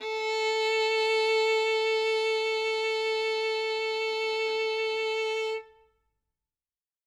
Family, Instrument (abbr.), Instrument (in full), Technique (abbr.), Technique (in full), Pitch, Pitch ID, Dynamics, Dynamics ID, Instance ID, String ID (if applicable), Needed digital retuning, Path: Strings, Vn, Violin, ord, ordinario, A4, 69, ff, 4, 2, 3, FALSE, Strings/Violin/ordinario/Vn-ord-A4-ff-3c-N.wav